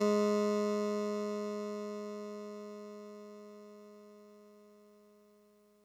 <region> pitch_keycenter=44 lokey=43 hikey=46 tune=-1 volume=12.650696 lovel=66 hivel=99 ampeg_attack=0.004000 ampeg_release=0.100000 sample=Electrophones/TX81Z/Clavisynth/Clavisynth_G#1_vl2.wav